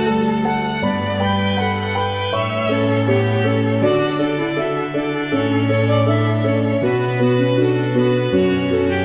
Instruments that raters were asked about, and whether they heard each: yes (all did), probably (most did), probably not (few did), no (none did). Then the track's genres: violin: yes
Classical